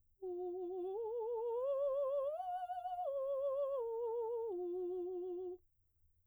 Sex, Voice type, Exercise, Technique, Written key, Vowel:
female, soprano, arpeggios, slow/legato piano, F major, u